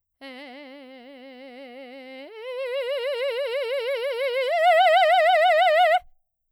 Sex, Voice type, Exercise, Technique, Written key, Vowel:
female, soprano, long tones, trill (upper semitone), , e